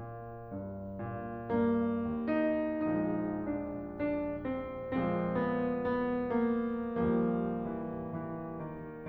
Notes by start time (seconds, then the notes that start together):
0.00 A#2
0.50 G2
1.07 A#2
1.58 G2 A#3
2.09 D#2
2.29 D#4
2.83 A#1 F3 G#3 D#4
3.22 D4
3.90 D4
4.46 C4
4.97 A#2 F3 G#3 C4
5.35 B3
5.79 B3
6.48 A#3
7.00 D#2 F3 G3 A#3
7.37 E3
7.78 E3
8.58 D#3